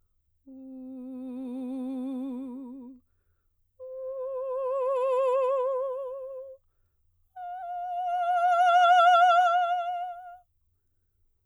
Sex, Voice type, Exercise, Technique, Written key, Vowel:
female, soprano, long tones, messa di voce, , u